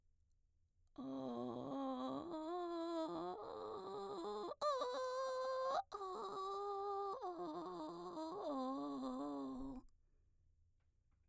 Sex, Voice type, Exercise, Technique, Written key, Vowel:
female, mezzo-soprano, arpeggios, vocal fry, , o